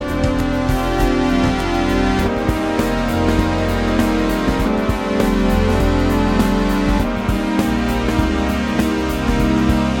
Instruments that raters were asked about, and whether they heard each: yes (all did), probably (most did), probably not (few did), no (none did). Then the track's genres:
synthesizer: yes
Avant-Garde; Experimental